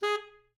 <region> pitch_keycenter=68 lokey=68 hikey=69 volume=15.144105 offset=451 lovel=84 hivel=127 ampeg_attack=0.004000 ampeg_release=1.500000 sample=Aerophones/Reed Aerophones/Tenor Saxophone/Staccato/Tenor_Staccato_Main_G#3_vl2_rr1.wav